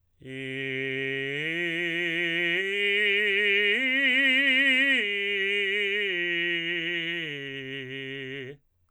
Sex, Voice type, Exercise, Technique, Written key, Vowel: male, tenor, arpeggios, slow/legato forte, C major, i